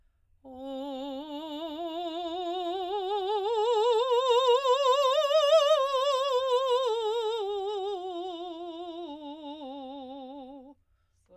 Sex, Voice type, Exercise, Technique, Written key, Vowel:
female, soprano, scales, slow/legato forte, C major, o